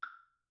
<region> pitch_keycenter=60 lokey=60 hikey=60 volume=14.659738 offset=899 lovel=55 hivel=83 ampeg_attack=0.004000 ampeg_release=30.000000 sample=Idiophones/Struck Idiophones/Woodblock/wood_click_mp.wav